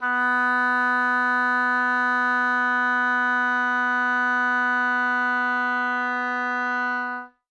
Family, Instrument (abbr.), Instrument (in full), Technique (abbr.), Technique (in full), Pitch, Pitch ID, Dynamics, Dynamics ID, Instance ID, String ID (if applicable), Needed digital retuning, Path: Winds, Ob, Oboe, ord, ordinario, B3, 59, ff, 4, 0, , FALSE, Winds/Oboe/ordinario/Ob-ord-B3-ff-N-N.wav